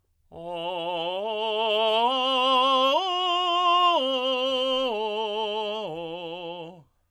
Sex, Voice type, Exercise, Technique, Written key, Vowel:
male, tenor, arpeggios, slow/legato forte, F major, o